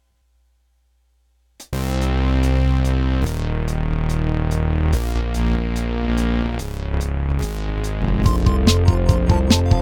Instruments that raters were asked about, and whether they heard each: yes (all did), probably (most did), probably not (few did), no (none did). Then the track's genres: banjo: no
ukulele: no
cymbals: yes
Synth Pop